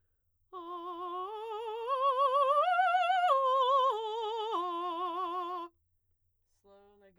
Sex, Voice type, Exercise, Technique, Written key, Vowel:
female, soprano, arpeggios, slow/legato forte, F major, a